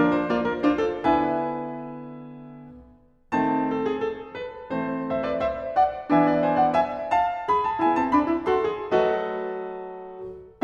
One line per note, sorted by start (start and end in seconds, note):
0.00 0.26 F3
0.00 0.27 D4
0.00 0.16 A#4
0.16 0.28 C5
0.26 0.63 A#3
0.26 0.64 F4
0.26 0.44 D5
0.44 0.65 A#4
0.63 1.02 D4
0.63 1.04 F4
0.63 0.86 C5
0.86 1.11 A4
1.02 2.81 D3
1.02 2.81 B3
1.02 2.81 E4
1.02 2.82 B4
1.11 2.84 E5
1.11 2.84 G#5
3.40 4.05 D#3
3.40 4.05 A3
3.40 4.05 C4
3.40 5.14 A5
3.77 3.89 A4
3.89 4.05 G#4
4.05 4.35 A4
4.35 4.74 B4
4.73 5.47 E3
4.73 5.47 A3
4.73 5.47 C4
4.73 5.13 C5
5.13 5.29 C5
5.13 5.32 E5
5.29 5.48 B4
5.29 5.48 D5
5.48 5.78 C5
5.48 5.79 E5
5.78 6.12 D5
5.78 6.14 F#5
6.11 6.97 E3
6.11 6.97 B3
6.11 6.97 D4
6.11 6.30 E5
6.11 6.56 G#5
6.30 6.54 D5
6.54 6.76 C5
6.54 6.78 G#5
6.76 6.98 D5
6.76 7.00 F#5
6.98 7.23 E5
6.98 7.24 G#5
7.23 7.49 F5
7.23 7.50 A5
7.49 7.83 G#4
7.49 7.71 B5
7.71 7.85 A5
7.83 7.98 B3
7.83 8.13 E4
7.83 7.99 G#5
7.98 8.12 C4
7.98 8.14 A5
8.13 8.28 D4
8.13 8.49 B5
8.28 8.46 E4
8.46 8.66 F#4
8.46 8.99 A4
8.46 8.99 C6
8.66 8.97 G#4
8.96 10.23 F#3
8.96 10.23 A3
8.96 10.24 F#4
8.96 10.26 A4
8.96 10.26 B4
8.96 10.26 D#5